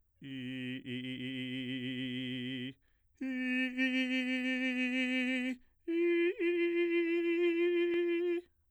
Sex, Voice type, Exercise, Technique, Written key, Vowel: male, bass, long tones, trillo (goat tone), , i